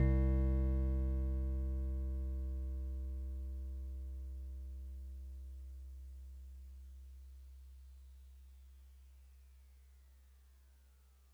<region> pitch_keycenter=48 lokey=47 hikey=50 tune=-1 volume=15.791001 lovel=0 hivel=65 ampeg_attack=0.004000 ampeg_release=0.100000 sample=Electrophones/TX81Z/FM Piano/FMPiano_C2_vl1.wav